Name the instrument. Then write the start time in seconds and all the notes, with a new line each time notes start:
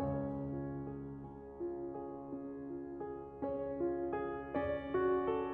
piano
0.01 C#2 C#3 C#4 C#5
0.47 F4
0.86 G#4
1.22 C#4
1.64 F4
1.98 G#4
2.36 C#4
2.66 F4
3.01 G#4
3.43 C#4 C#5
3.78 F4
4.13 G#4
4.56 C#4 D5
4.93 F#4
5.24 A4